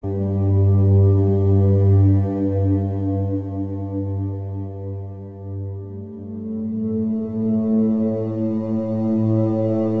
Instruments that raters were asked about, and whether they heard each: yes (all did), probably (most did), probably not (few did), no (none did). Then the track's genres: cello: probably
Soundtrack; Ambient Electronic; Ambient; Minimalism; Instrumental